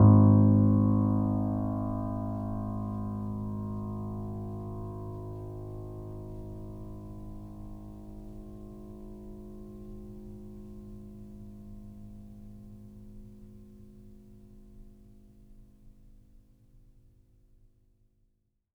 <region> pitch_keycenter=32 lokey=32 hikey=33 volume=0.641962 lovel=0 hivel=65 locc64=0 hicc64=64 ampeg_attack=0.004000 ampeg_release=0.400000 sample=Chordophones/Zithers/Grand Piano, Steinway B/NoSus/Piano_NoSus_Close_G#1_vl2_rr1.wav